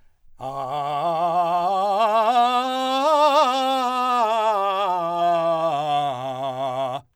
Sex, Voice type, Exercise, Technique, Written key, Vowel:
male, , scales, belt, , a